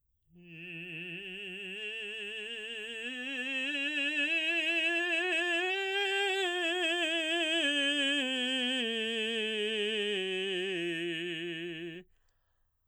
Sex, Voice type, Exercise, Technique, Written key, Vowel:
male, baritone, scales, slow/legato forte, F major, i